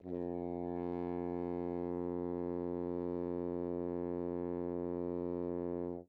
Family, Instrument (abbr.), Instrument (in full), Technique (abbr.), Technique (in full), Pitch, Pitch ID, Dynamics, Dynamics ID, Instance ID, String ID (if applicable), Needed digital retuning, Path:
Brass, Hn, French Horn, ord, ordinario, F2, 41, mf, 2, 0, , FALSE, Brass/Horn/ordinario/Hn-ord-F2-mf-N-N.wav